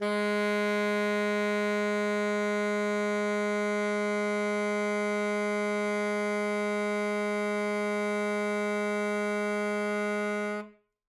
<region> pitch_keycenter=56 lokey=56 hikey=57 volume=12.560748 lovel=84 hivel=127 ampeg_attack=0.004000 ampeg_release=0.500000 sample=Aerophones/Reed Aerophones/Tenor Saxophone/Non-Vibrato/Tenor_NV_Main_G#2_vl3_rr1.wav